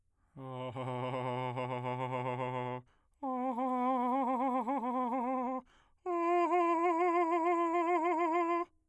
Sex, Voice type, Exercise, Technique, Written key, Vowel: male, bass, long tones, trillo (goat tone), , a